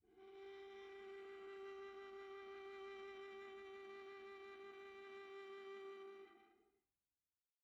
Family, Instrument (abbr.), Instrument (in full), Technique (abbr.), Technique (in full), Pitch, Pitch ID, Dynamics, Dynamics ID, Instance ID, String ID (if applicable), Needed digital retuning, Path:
Strings, Va, Viola, ord, ordinario, G4, 67, pp, 0, 3, 4, FALSE, Strings/Viola/ordinario/Va-ord-G4-pp-4c-N.wav